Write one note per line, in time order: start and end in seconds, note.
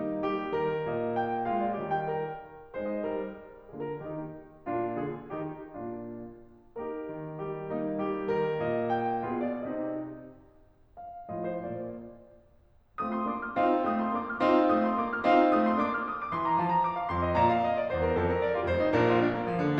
0.00 1.42 A#3
0.00 0.29 D#4
0.29 0.57 G3
0.29 1.42 G4
0.57 0.86 D#3
0.57 0.86 A#4
0.86 1.75 A#2
0.86 1.15 D#5
1.15 1.42 G5
1.42 1.75 G#3
1.42 1.75 F4
1.42 1.57 F5
1.57 1.75 D5
1.76 2.12 D#3
1.76 2.12 G3
1.76 2.12 G4
1.76 1.92 D#5
1.92 2.12 G5
2.12 2.39 A#4
2.76 3.18 G#3
2.76 3.46 D#4
2.76 3.04 C5
3.04 3.18 D#5
3.20 3.46 G3
3.20 3.46 A#4
3.70 4.02 D3
3.70 4.32 A#3
3.70 4.02 F4
3.70 3.89 G#4
3.89 4.02 A#4
4.02 4.32 D#3
4.02 4.32 D#4
4.02 4.32 G4
4.67 5.00 A#2
4.67 5.31 A#3
4.67 5.00 D4
4.67 5.00 F4
5.00 5.31 D3
5.00 5.31 F4
5.00 5.31 G#4
5.31 5.65 D#3
5.31 5.65 A#3
5.31 5.65 D#4
5.31 5.65 G4
5.65 5.89 A#2
5.65 5.89 A#3
5.65 5.89 D4
5.65 5.89 F4
6.83 7.69 A#3
6.83 7.69 D#4
6.83 7.42 G4
6.83 7.42 A#4
7.14 7.42 D#3
7.43 7.69 G3
7.43 7.69 G4
7.69 9.24 A#3
7.69 8.01 D#4
8.02 8.28 G3
8.02 9.24 G4
8.28 8.56 D#3
8.28 9.24 A#4
8.57 9.24 A#2
8.57 8.90 D#5
8.92 9.24 G5
9.24 9.68 B2
9.24 9.68 B3
9.24 9.68 F4
9.24 9.68 G#4
9.24 9.38 F5
9.39 9.68 D5
9.68 9.96 C3
9.68 9.96 C4
9.68 9.96 D#4
9.68 9.96 G4
9.68 9.96 D#5
10.99 11.32 F5
11.32 11.63 A2
11.32 11.96 F3
11.32 11.63 A3
11.32 11.96 F4
11.32 11.48 D#5
11.48 11.63 C5
11.63 11.96 A#2
11.63 11.96 A#3
11.63 11.96 D5
13.03 13.28 A3
13.03 13.28 C4
13.03 13.60 F4
13.03 13.15 D#6
13.17 13.28 C6
13.28 13.60 A#3
13.28 13.60 D4
13.28 13.42 D6
13.42 13.60 F6
13.60 13.85 C4
13.60 13.85 D#4
13.60 14.40 F4
13.60 13.85 F5
13.86 14.12 A3
13.86 14.12 C4
13.86 13.98 D#6
13.98 14.12 C6
14.12 14.40 A#3
14.12 14.40 D4
14.12 14.27 D6
14.27 14.40 F6
14.47 14.71 C4
14.47 14.71 D#4
14.47 15.27 F4
14.47 14.71 F5
14.71 15.01 A3
14.71 15.01 C4
14.71 14.86 D#6
14.86 15.01 C6
15.02 15.27 A#3
15.02 15.27 D4
15.02 15.14 D6
15.14 15.27 F6
15.27 15.52 C4
15.27 15.52 D#4
15.27 16.03 F4
15.27 15.52 F5
15.53 15.75 A3
15.53 15.75 C4
15.53 15.64 D#6
15.64 15.75 C6
15.75 16.03 A#3
15.75 16.03 D4
15.75 15.88 D6
15.88 16.03 F6
16.03 16.16 D#6
16.17 16.30 D6
16.30 16.59 E3
16.30 16.46 C6
16.46 16.59 A#5
16.59 16.81 F3
16.59 16.71 A5
16.72 16.81 A#5
16.81 17.00 D6
17.00 17.12 F5
17.12 17.37 F2
17.12 17.24 C6
17.25 17.37 D#5
17.37 17.66 A#2
17.37 17.50 D5
17.37 17.50 A#5
17.50 17.66 F5
17.66 17.76 D#5
17.76 17.88 D5
17.89 18.22 E2
17.89 18.05 C5
18.05 18.22 A#4
18.22 18.41 F2
18.22 18.33 A4
18.33 18.41 A#4
18.43 18.56 D5
18.56 18.68 F4
18.68 18.92 F1
18.68 18.92 F2
18.68 18.83 C5
18.83 18.92 D#4
18.94 19.23 A#1
18.94 19.23 A#2
18.94 19.06 D4
18.94 19.06 A#4
19.06 19.23 F4
19.23 19.40 D4
19.40 19.52 A#3
19.53 19.66 F3
19.66 19.80 D3